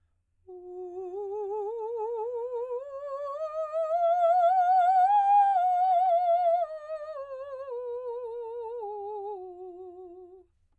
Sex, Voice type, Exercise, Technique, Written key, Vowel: female, soprano, scales, slow/legato piano, F major, u